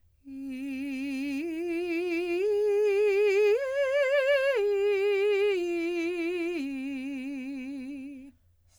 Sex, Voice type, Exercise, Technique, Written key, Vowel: female, soprano, arpeggios, slow/legato piano, C major, i